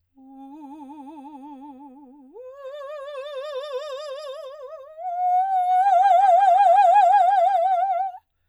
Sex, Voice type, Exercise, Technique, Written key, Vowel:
female, soprano, long tones, trill (upper semitone), , u